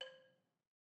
<region> pitch_keycenter=72 lokey=69 hikey=74 volume=27.040275 offset=185 lovel=0 hivel=65 ampeg_attack=0.004000 ampeg_release=30.000000 sample=Idiophones/Struck Idiophones/Balafon/Hard Mallet/EthnicXylo_hardM_C4_vl1_rr1_Mid.wav